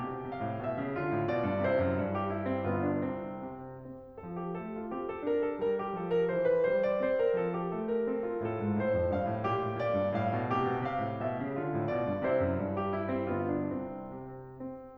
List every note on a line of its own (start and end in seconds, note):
0.00 0.15 C3
0.00 0.93 G4
0.15 0.31 B2
0.31 0.46 C3
0.31 0.64 F5
0.51 0.64 A2
0.64 0.77 B2
0.64 0.93 E5
0.77 0.93 C#3
0.94 1.09 D3
0.94 1.67 F4
1.09 1.28 A2
1.28 1.44 B2
1.28 1.67 D5
1.46 1.67 G2
1.67 1.80 C3
1.67 1.96 E4
1.67 1.96 C5
1.80 1.96 F#2
1.96 2.59 G2
2.16 2.31 G4
2.31 2.45 E4
2.45 2.59 C4
2.60 3.01 G1
2.60 3.01 B3
2.60 2.81 F4
2.81 3.01 D4
3.01 3.38 C2
3.01 3.38 C4
3.38 3.73 C3
3.74 4.25 C4
4.25 4.59 F3
4.25 4.41 A4
4.41 4.59 G4
4.60 4.93 A3
4.60 4.75 A4
4.75 4.93 F4
4.93 5.26 C4
4.93 5.07 G4
5.09 5.26 A4
5.26 5.60 D4
5.26 5.41 A#4
5.41 5.60 A4
5.61 5.93 G3
5.61 5.75 A#4
5.75 5.93 G4
5.93 6.35 F3
5.93 6.13 A4
6.13 6.35 A#4
6.35 6.65 E3
6.35 6.49 C5
6.49 6.65 B4
6.65 7.02 G3
6.65 6.87 C5
6.88 7.02 D5
7.02 7.40 C4
7.02 7.20 C5
7.20 7.40 A#4
7.40 7.70 F3
7.40 7.55 A4
7.55 7.70 G4
7.70 8.08 A3
7.70 7.88 A4
7.94 8.08 A#4
8.08 8.39 C4
8.08 8.23 A4
8.23 8.39 F4
8.39 8.59 A2
8.39 9.47 A4
8.59 8.81 G#2
8.81 8.94 A2
8.81 9.11 C5
8.94 9.11 F2
9.13 9.33 G2
9.13 9.47 F5
9.33 9.47 A2
9.47 9.59 A#2
9.47 10.50 G4
9.60 9.76 A2
9.76 9.98 A#2
9.76 10.22 D5
9.98 10.22 G2
10.24 10.38 A2
10.24 10.50 F5
10.38 10.50 B2
10.50 10.63 C3
10.50 11.58 G4
10.63 10.80 B2
10.81 11.01 C3
10.81 11.17 F5
11.01 11.17 A2
11.17 11.37 B2
11.17 11.58 E5
11.38 11.58 C#3
11.58 11.76 D3
11.58 12.23 F4
11.76 11.90 A2
11.91 12.09 B2
11.91 12.23 D5
12.09 12.23 G2
12.23 12.36 C3
12.23 12.59 E4
12.23 12.59 C5
12.36 12.59 F#2
12.59 13.32 G2
12.77 12.92 G4
12.92 13.12 E4
13.13 13.32 C4
13.32 13.73 G1
13.32 13.73 B3
13.32 13.50 F4
13.50 13.73 D4
13.75 14.22 C2
13.75 14.22 C4
14.22 14.62 C3
14.62 14.98 C4